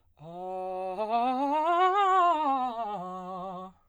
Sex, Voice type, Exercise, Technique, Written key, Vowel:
male, baritone, scales, fast/articulated piano, F major, a